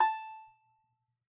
<region> pitch_keycenter=81 lokey=81 hikey=84 volume=1.713689 lovel=66 hivel=99 ampeg_attack=0.004000 ampeg_release=15.000000 sample=Chordophones/Composite Chordophones/Strumstick/Finger/Strumstick_Finger_Str3_Main_A4_vl2_rr1.wav